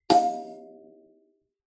<region> pitch_keycenter=77 lokey=77 hikey=78 tune=-20 volume=-1.484838 offset=4457 seq_position=2 seq_length=2 ampeg_attack=0.004000 ampeg_release=15.000000 sample=Idiophones/Plucked Idiophones/Kalimba, Tanzania/MBira3_pluck_Main_F4_k3_50_100_rr2.wav